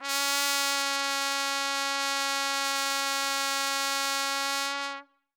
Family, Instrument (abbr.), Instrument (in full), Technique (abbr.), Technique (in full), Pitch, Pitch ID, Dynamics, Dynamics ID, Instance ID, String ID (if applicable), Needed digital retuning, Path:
Brass, TpC, Trumpet in C, ord, ordinario, C#4, 61, ff, 4, 0, , TRUE, Brass/Trumpet_C/ordinario/TpC-ord-C#4-ff-N-T39u.wav